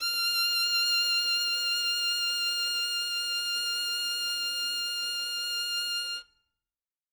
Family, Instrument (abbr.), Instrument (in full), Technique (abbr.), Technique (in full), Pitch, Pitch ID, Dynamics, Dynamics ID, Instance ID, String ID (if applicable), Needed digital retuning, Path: Strings, Vn, Violin, ord, ordinario, F6, 89, ff, 4, 0, 1, FALSE, Strings/Violin/ordinario/Vn-ord-F6-ff-1c-N.wav